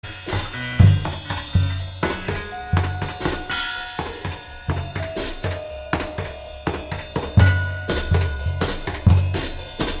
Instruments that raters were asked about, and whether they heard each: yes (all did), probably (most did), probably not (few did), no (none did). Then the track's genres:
cello: no
drums: yes
organ: no
cymbals: yes
mandolin: no
Pop; Psych-Folk; Experimental Pop